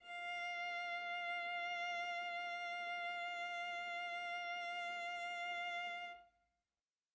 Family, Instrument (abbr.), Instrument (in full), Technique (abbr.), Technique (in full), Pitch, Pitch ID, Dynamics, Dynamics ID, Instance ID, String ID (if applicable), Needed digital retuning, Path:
Strings, Va, Viola, ord, ordinario, F5, 77, mf, 2, 1, 2, TRUE, Strings/Viola/ordinario/Va-ord-F5-mf-2c-T12u.wav